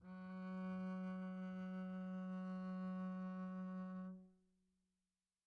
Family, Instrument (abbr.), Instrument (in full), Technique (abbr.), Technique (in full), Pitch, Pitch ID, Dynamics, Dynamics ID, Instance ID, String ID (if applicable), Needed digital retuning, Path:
Strings, Cb, Contrabass, ord, ordinario, F#3, 54, pp, 0, 0, 1, FALSE, Strings/Contrabass/ordinario/Cb-ord-F#3-pp-1c-N.wav